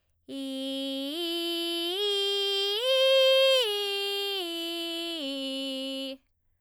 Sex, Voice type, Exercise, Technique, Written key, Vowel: female, soprano, arpeggios, belt, , i